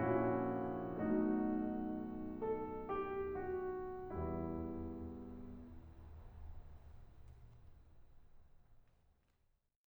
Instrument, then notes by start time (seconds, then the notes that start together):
piano
0.00 A#1 A#2 C#4 E4 F#4
0.98 B1 B2 A3 D#4 F#4
2.50 A4
2.91 G4
3.38 F#4
4.12 E2 G3 E4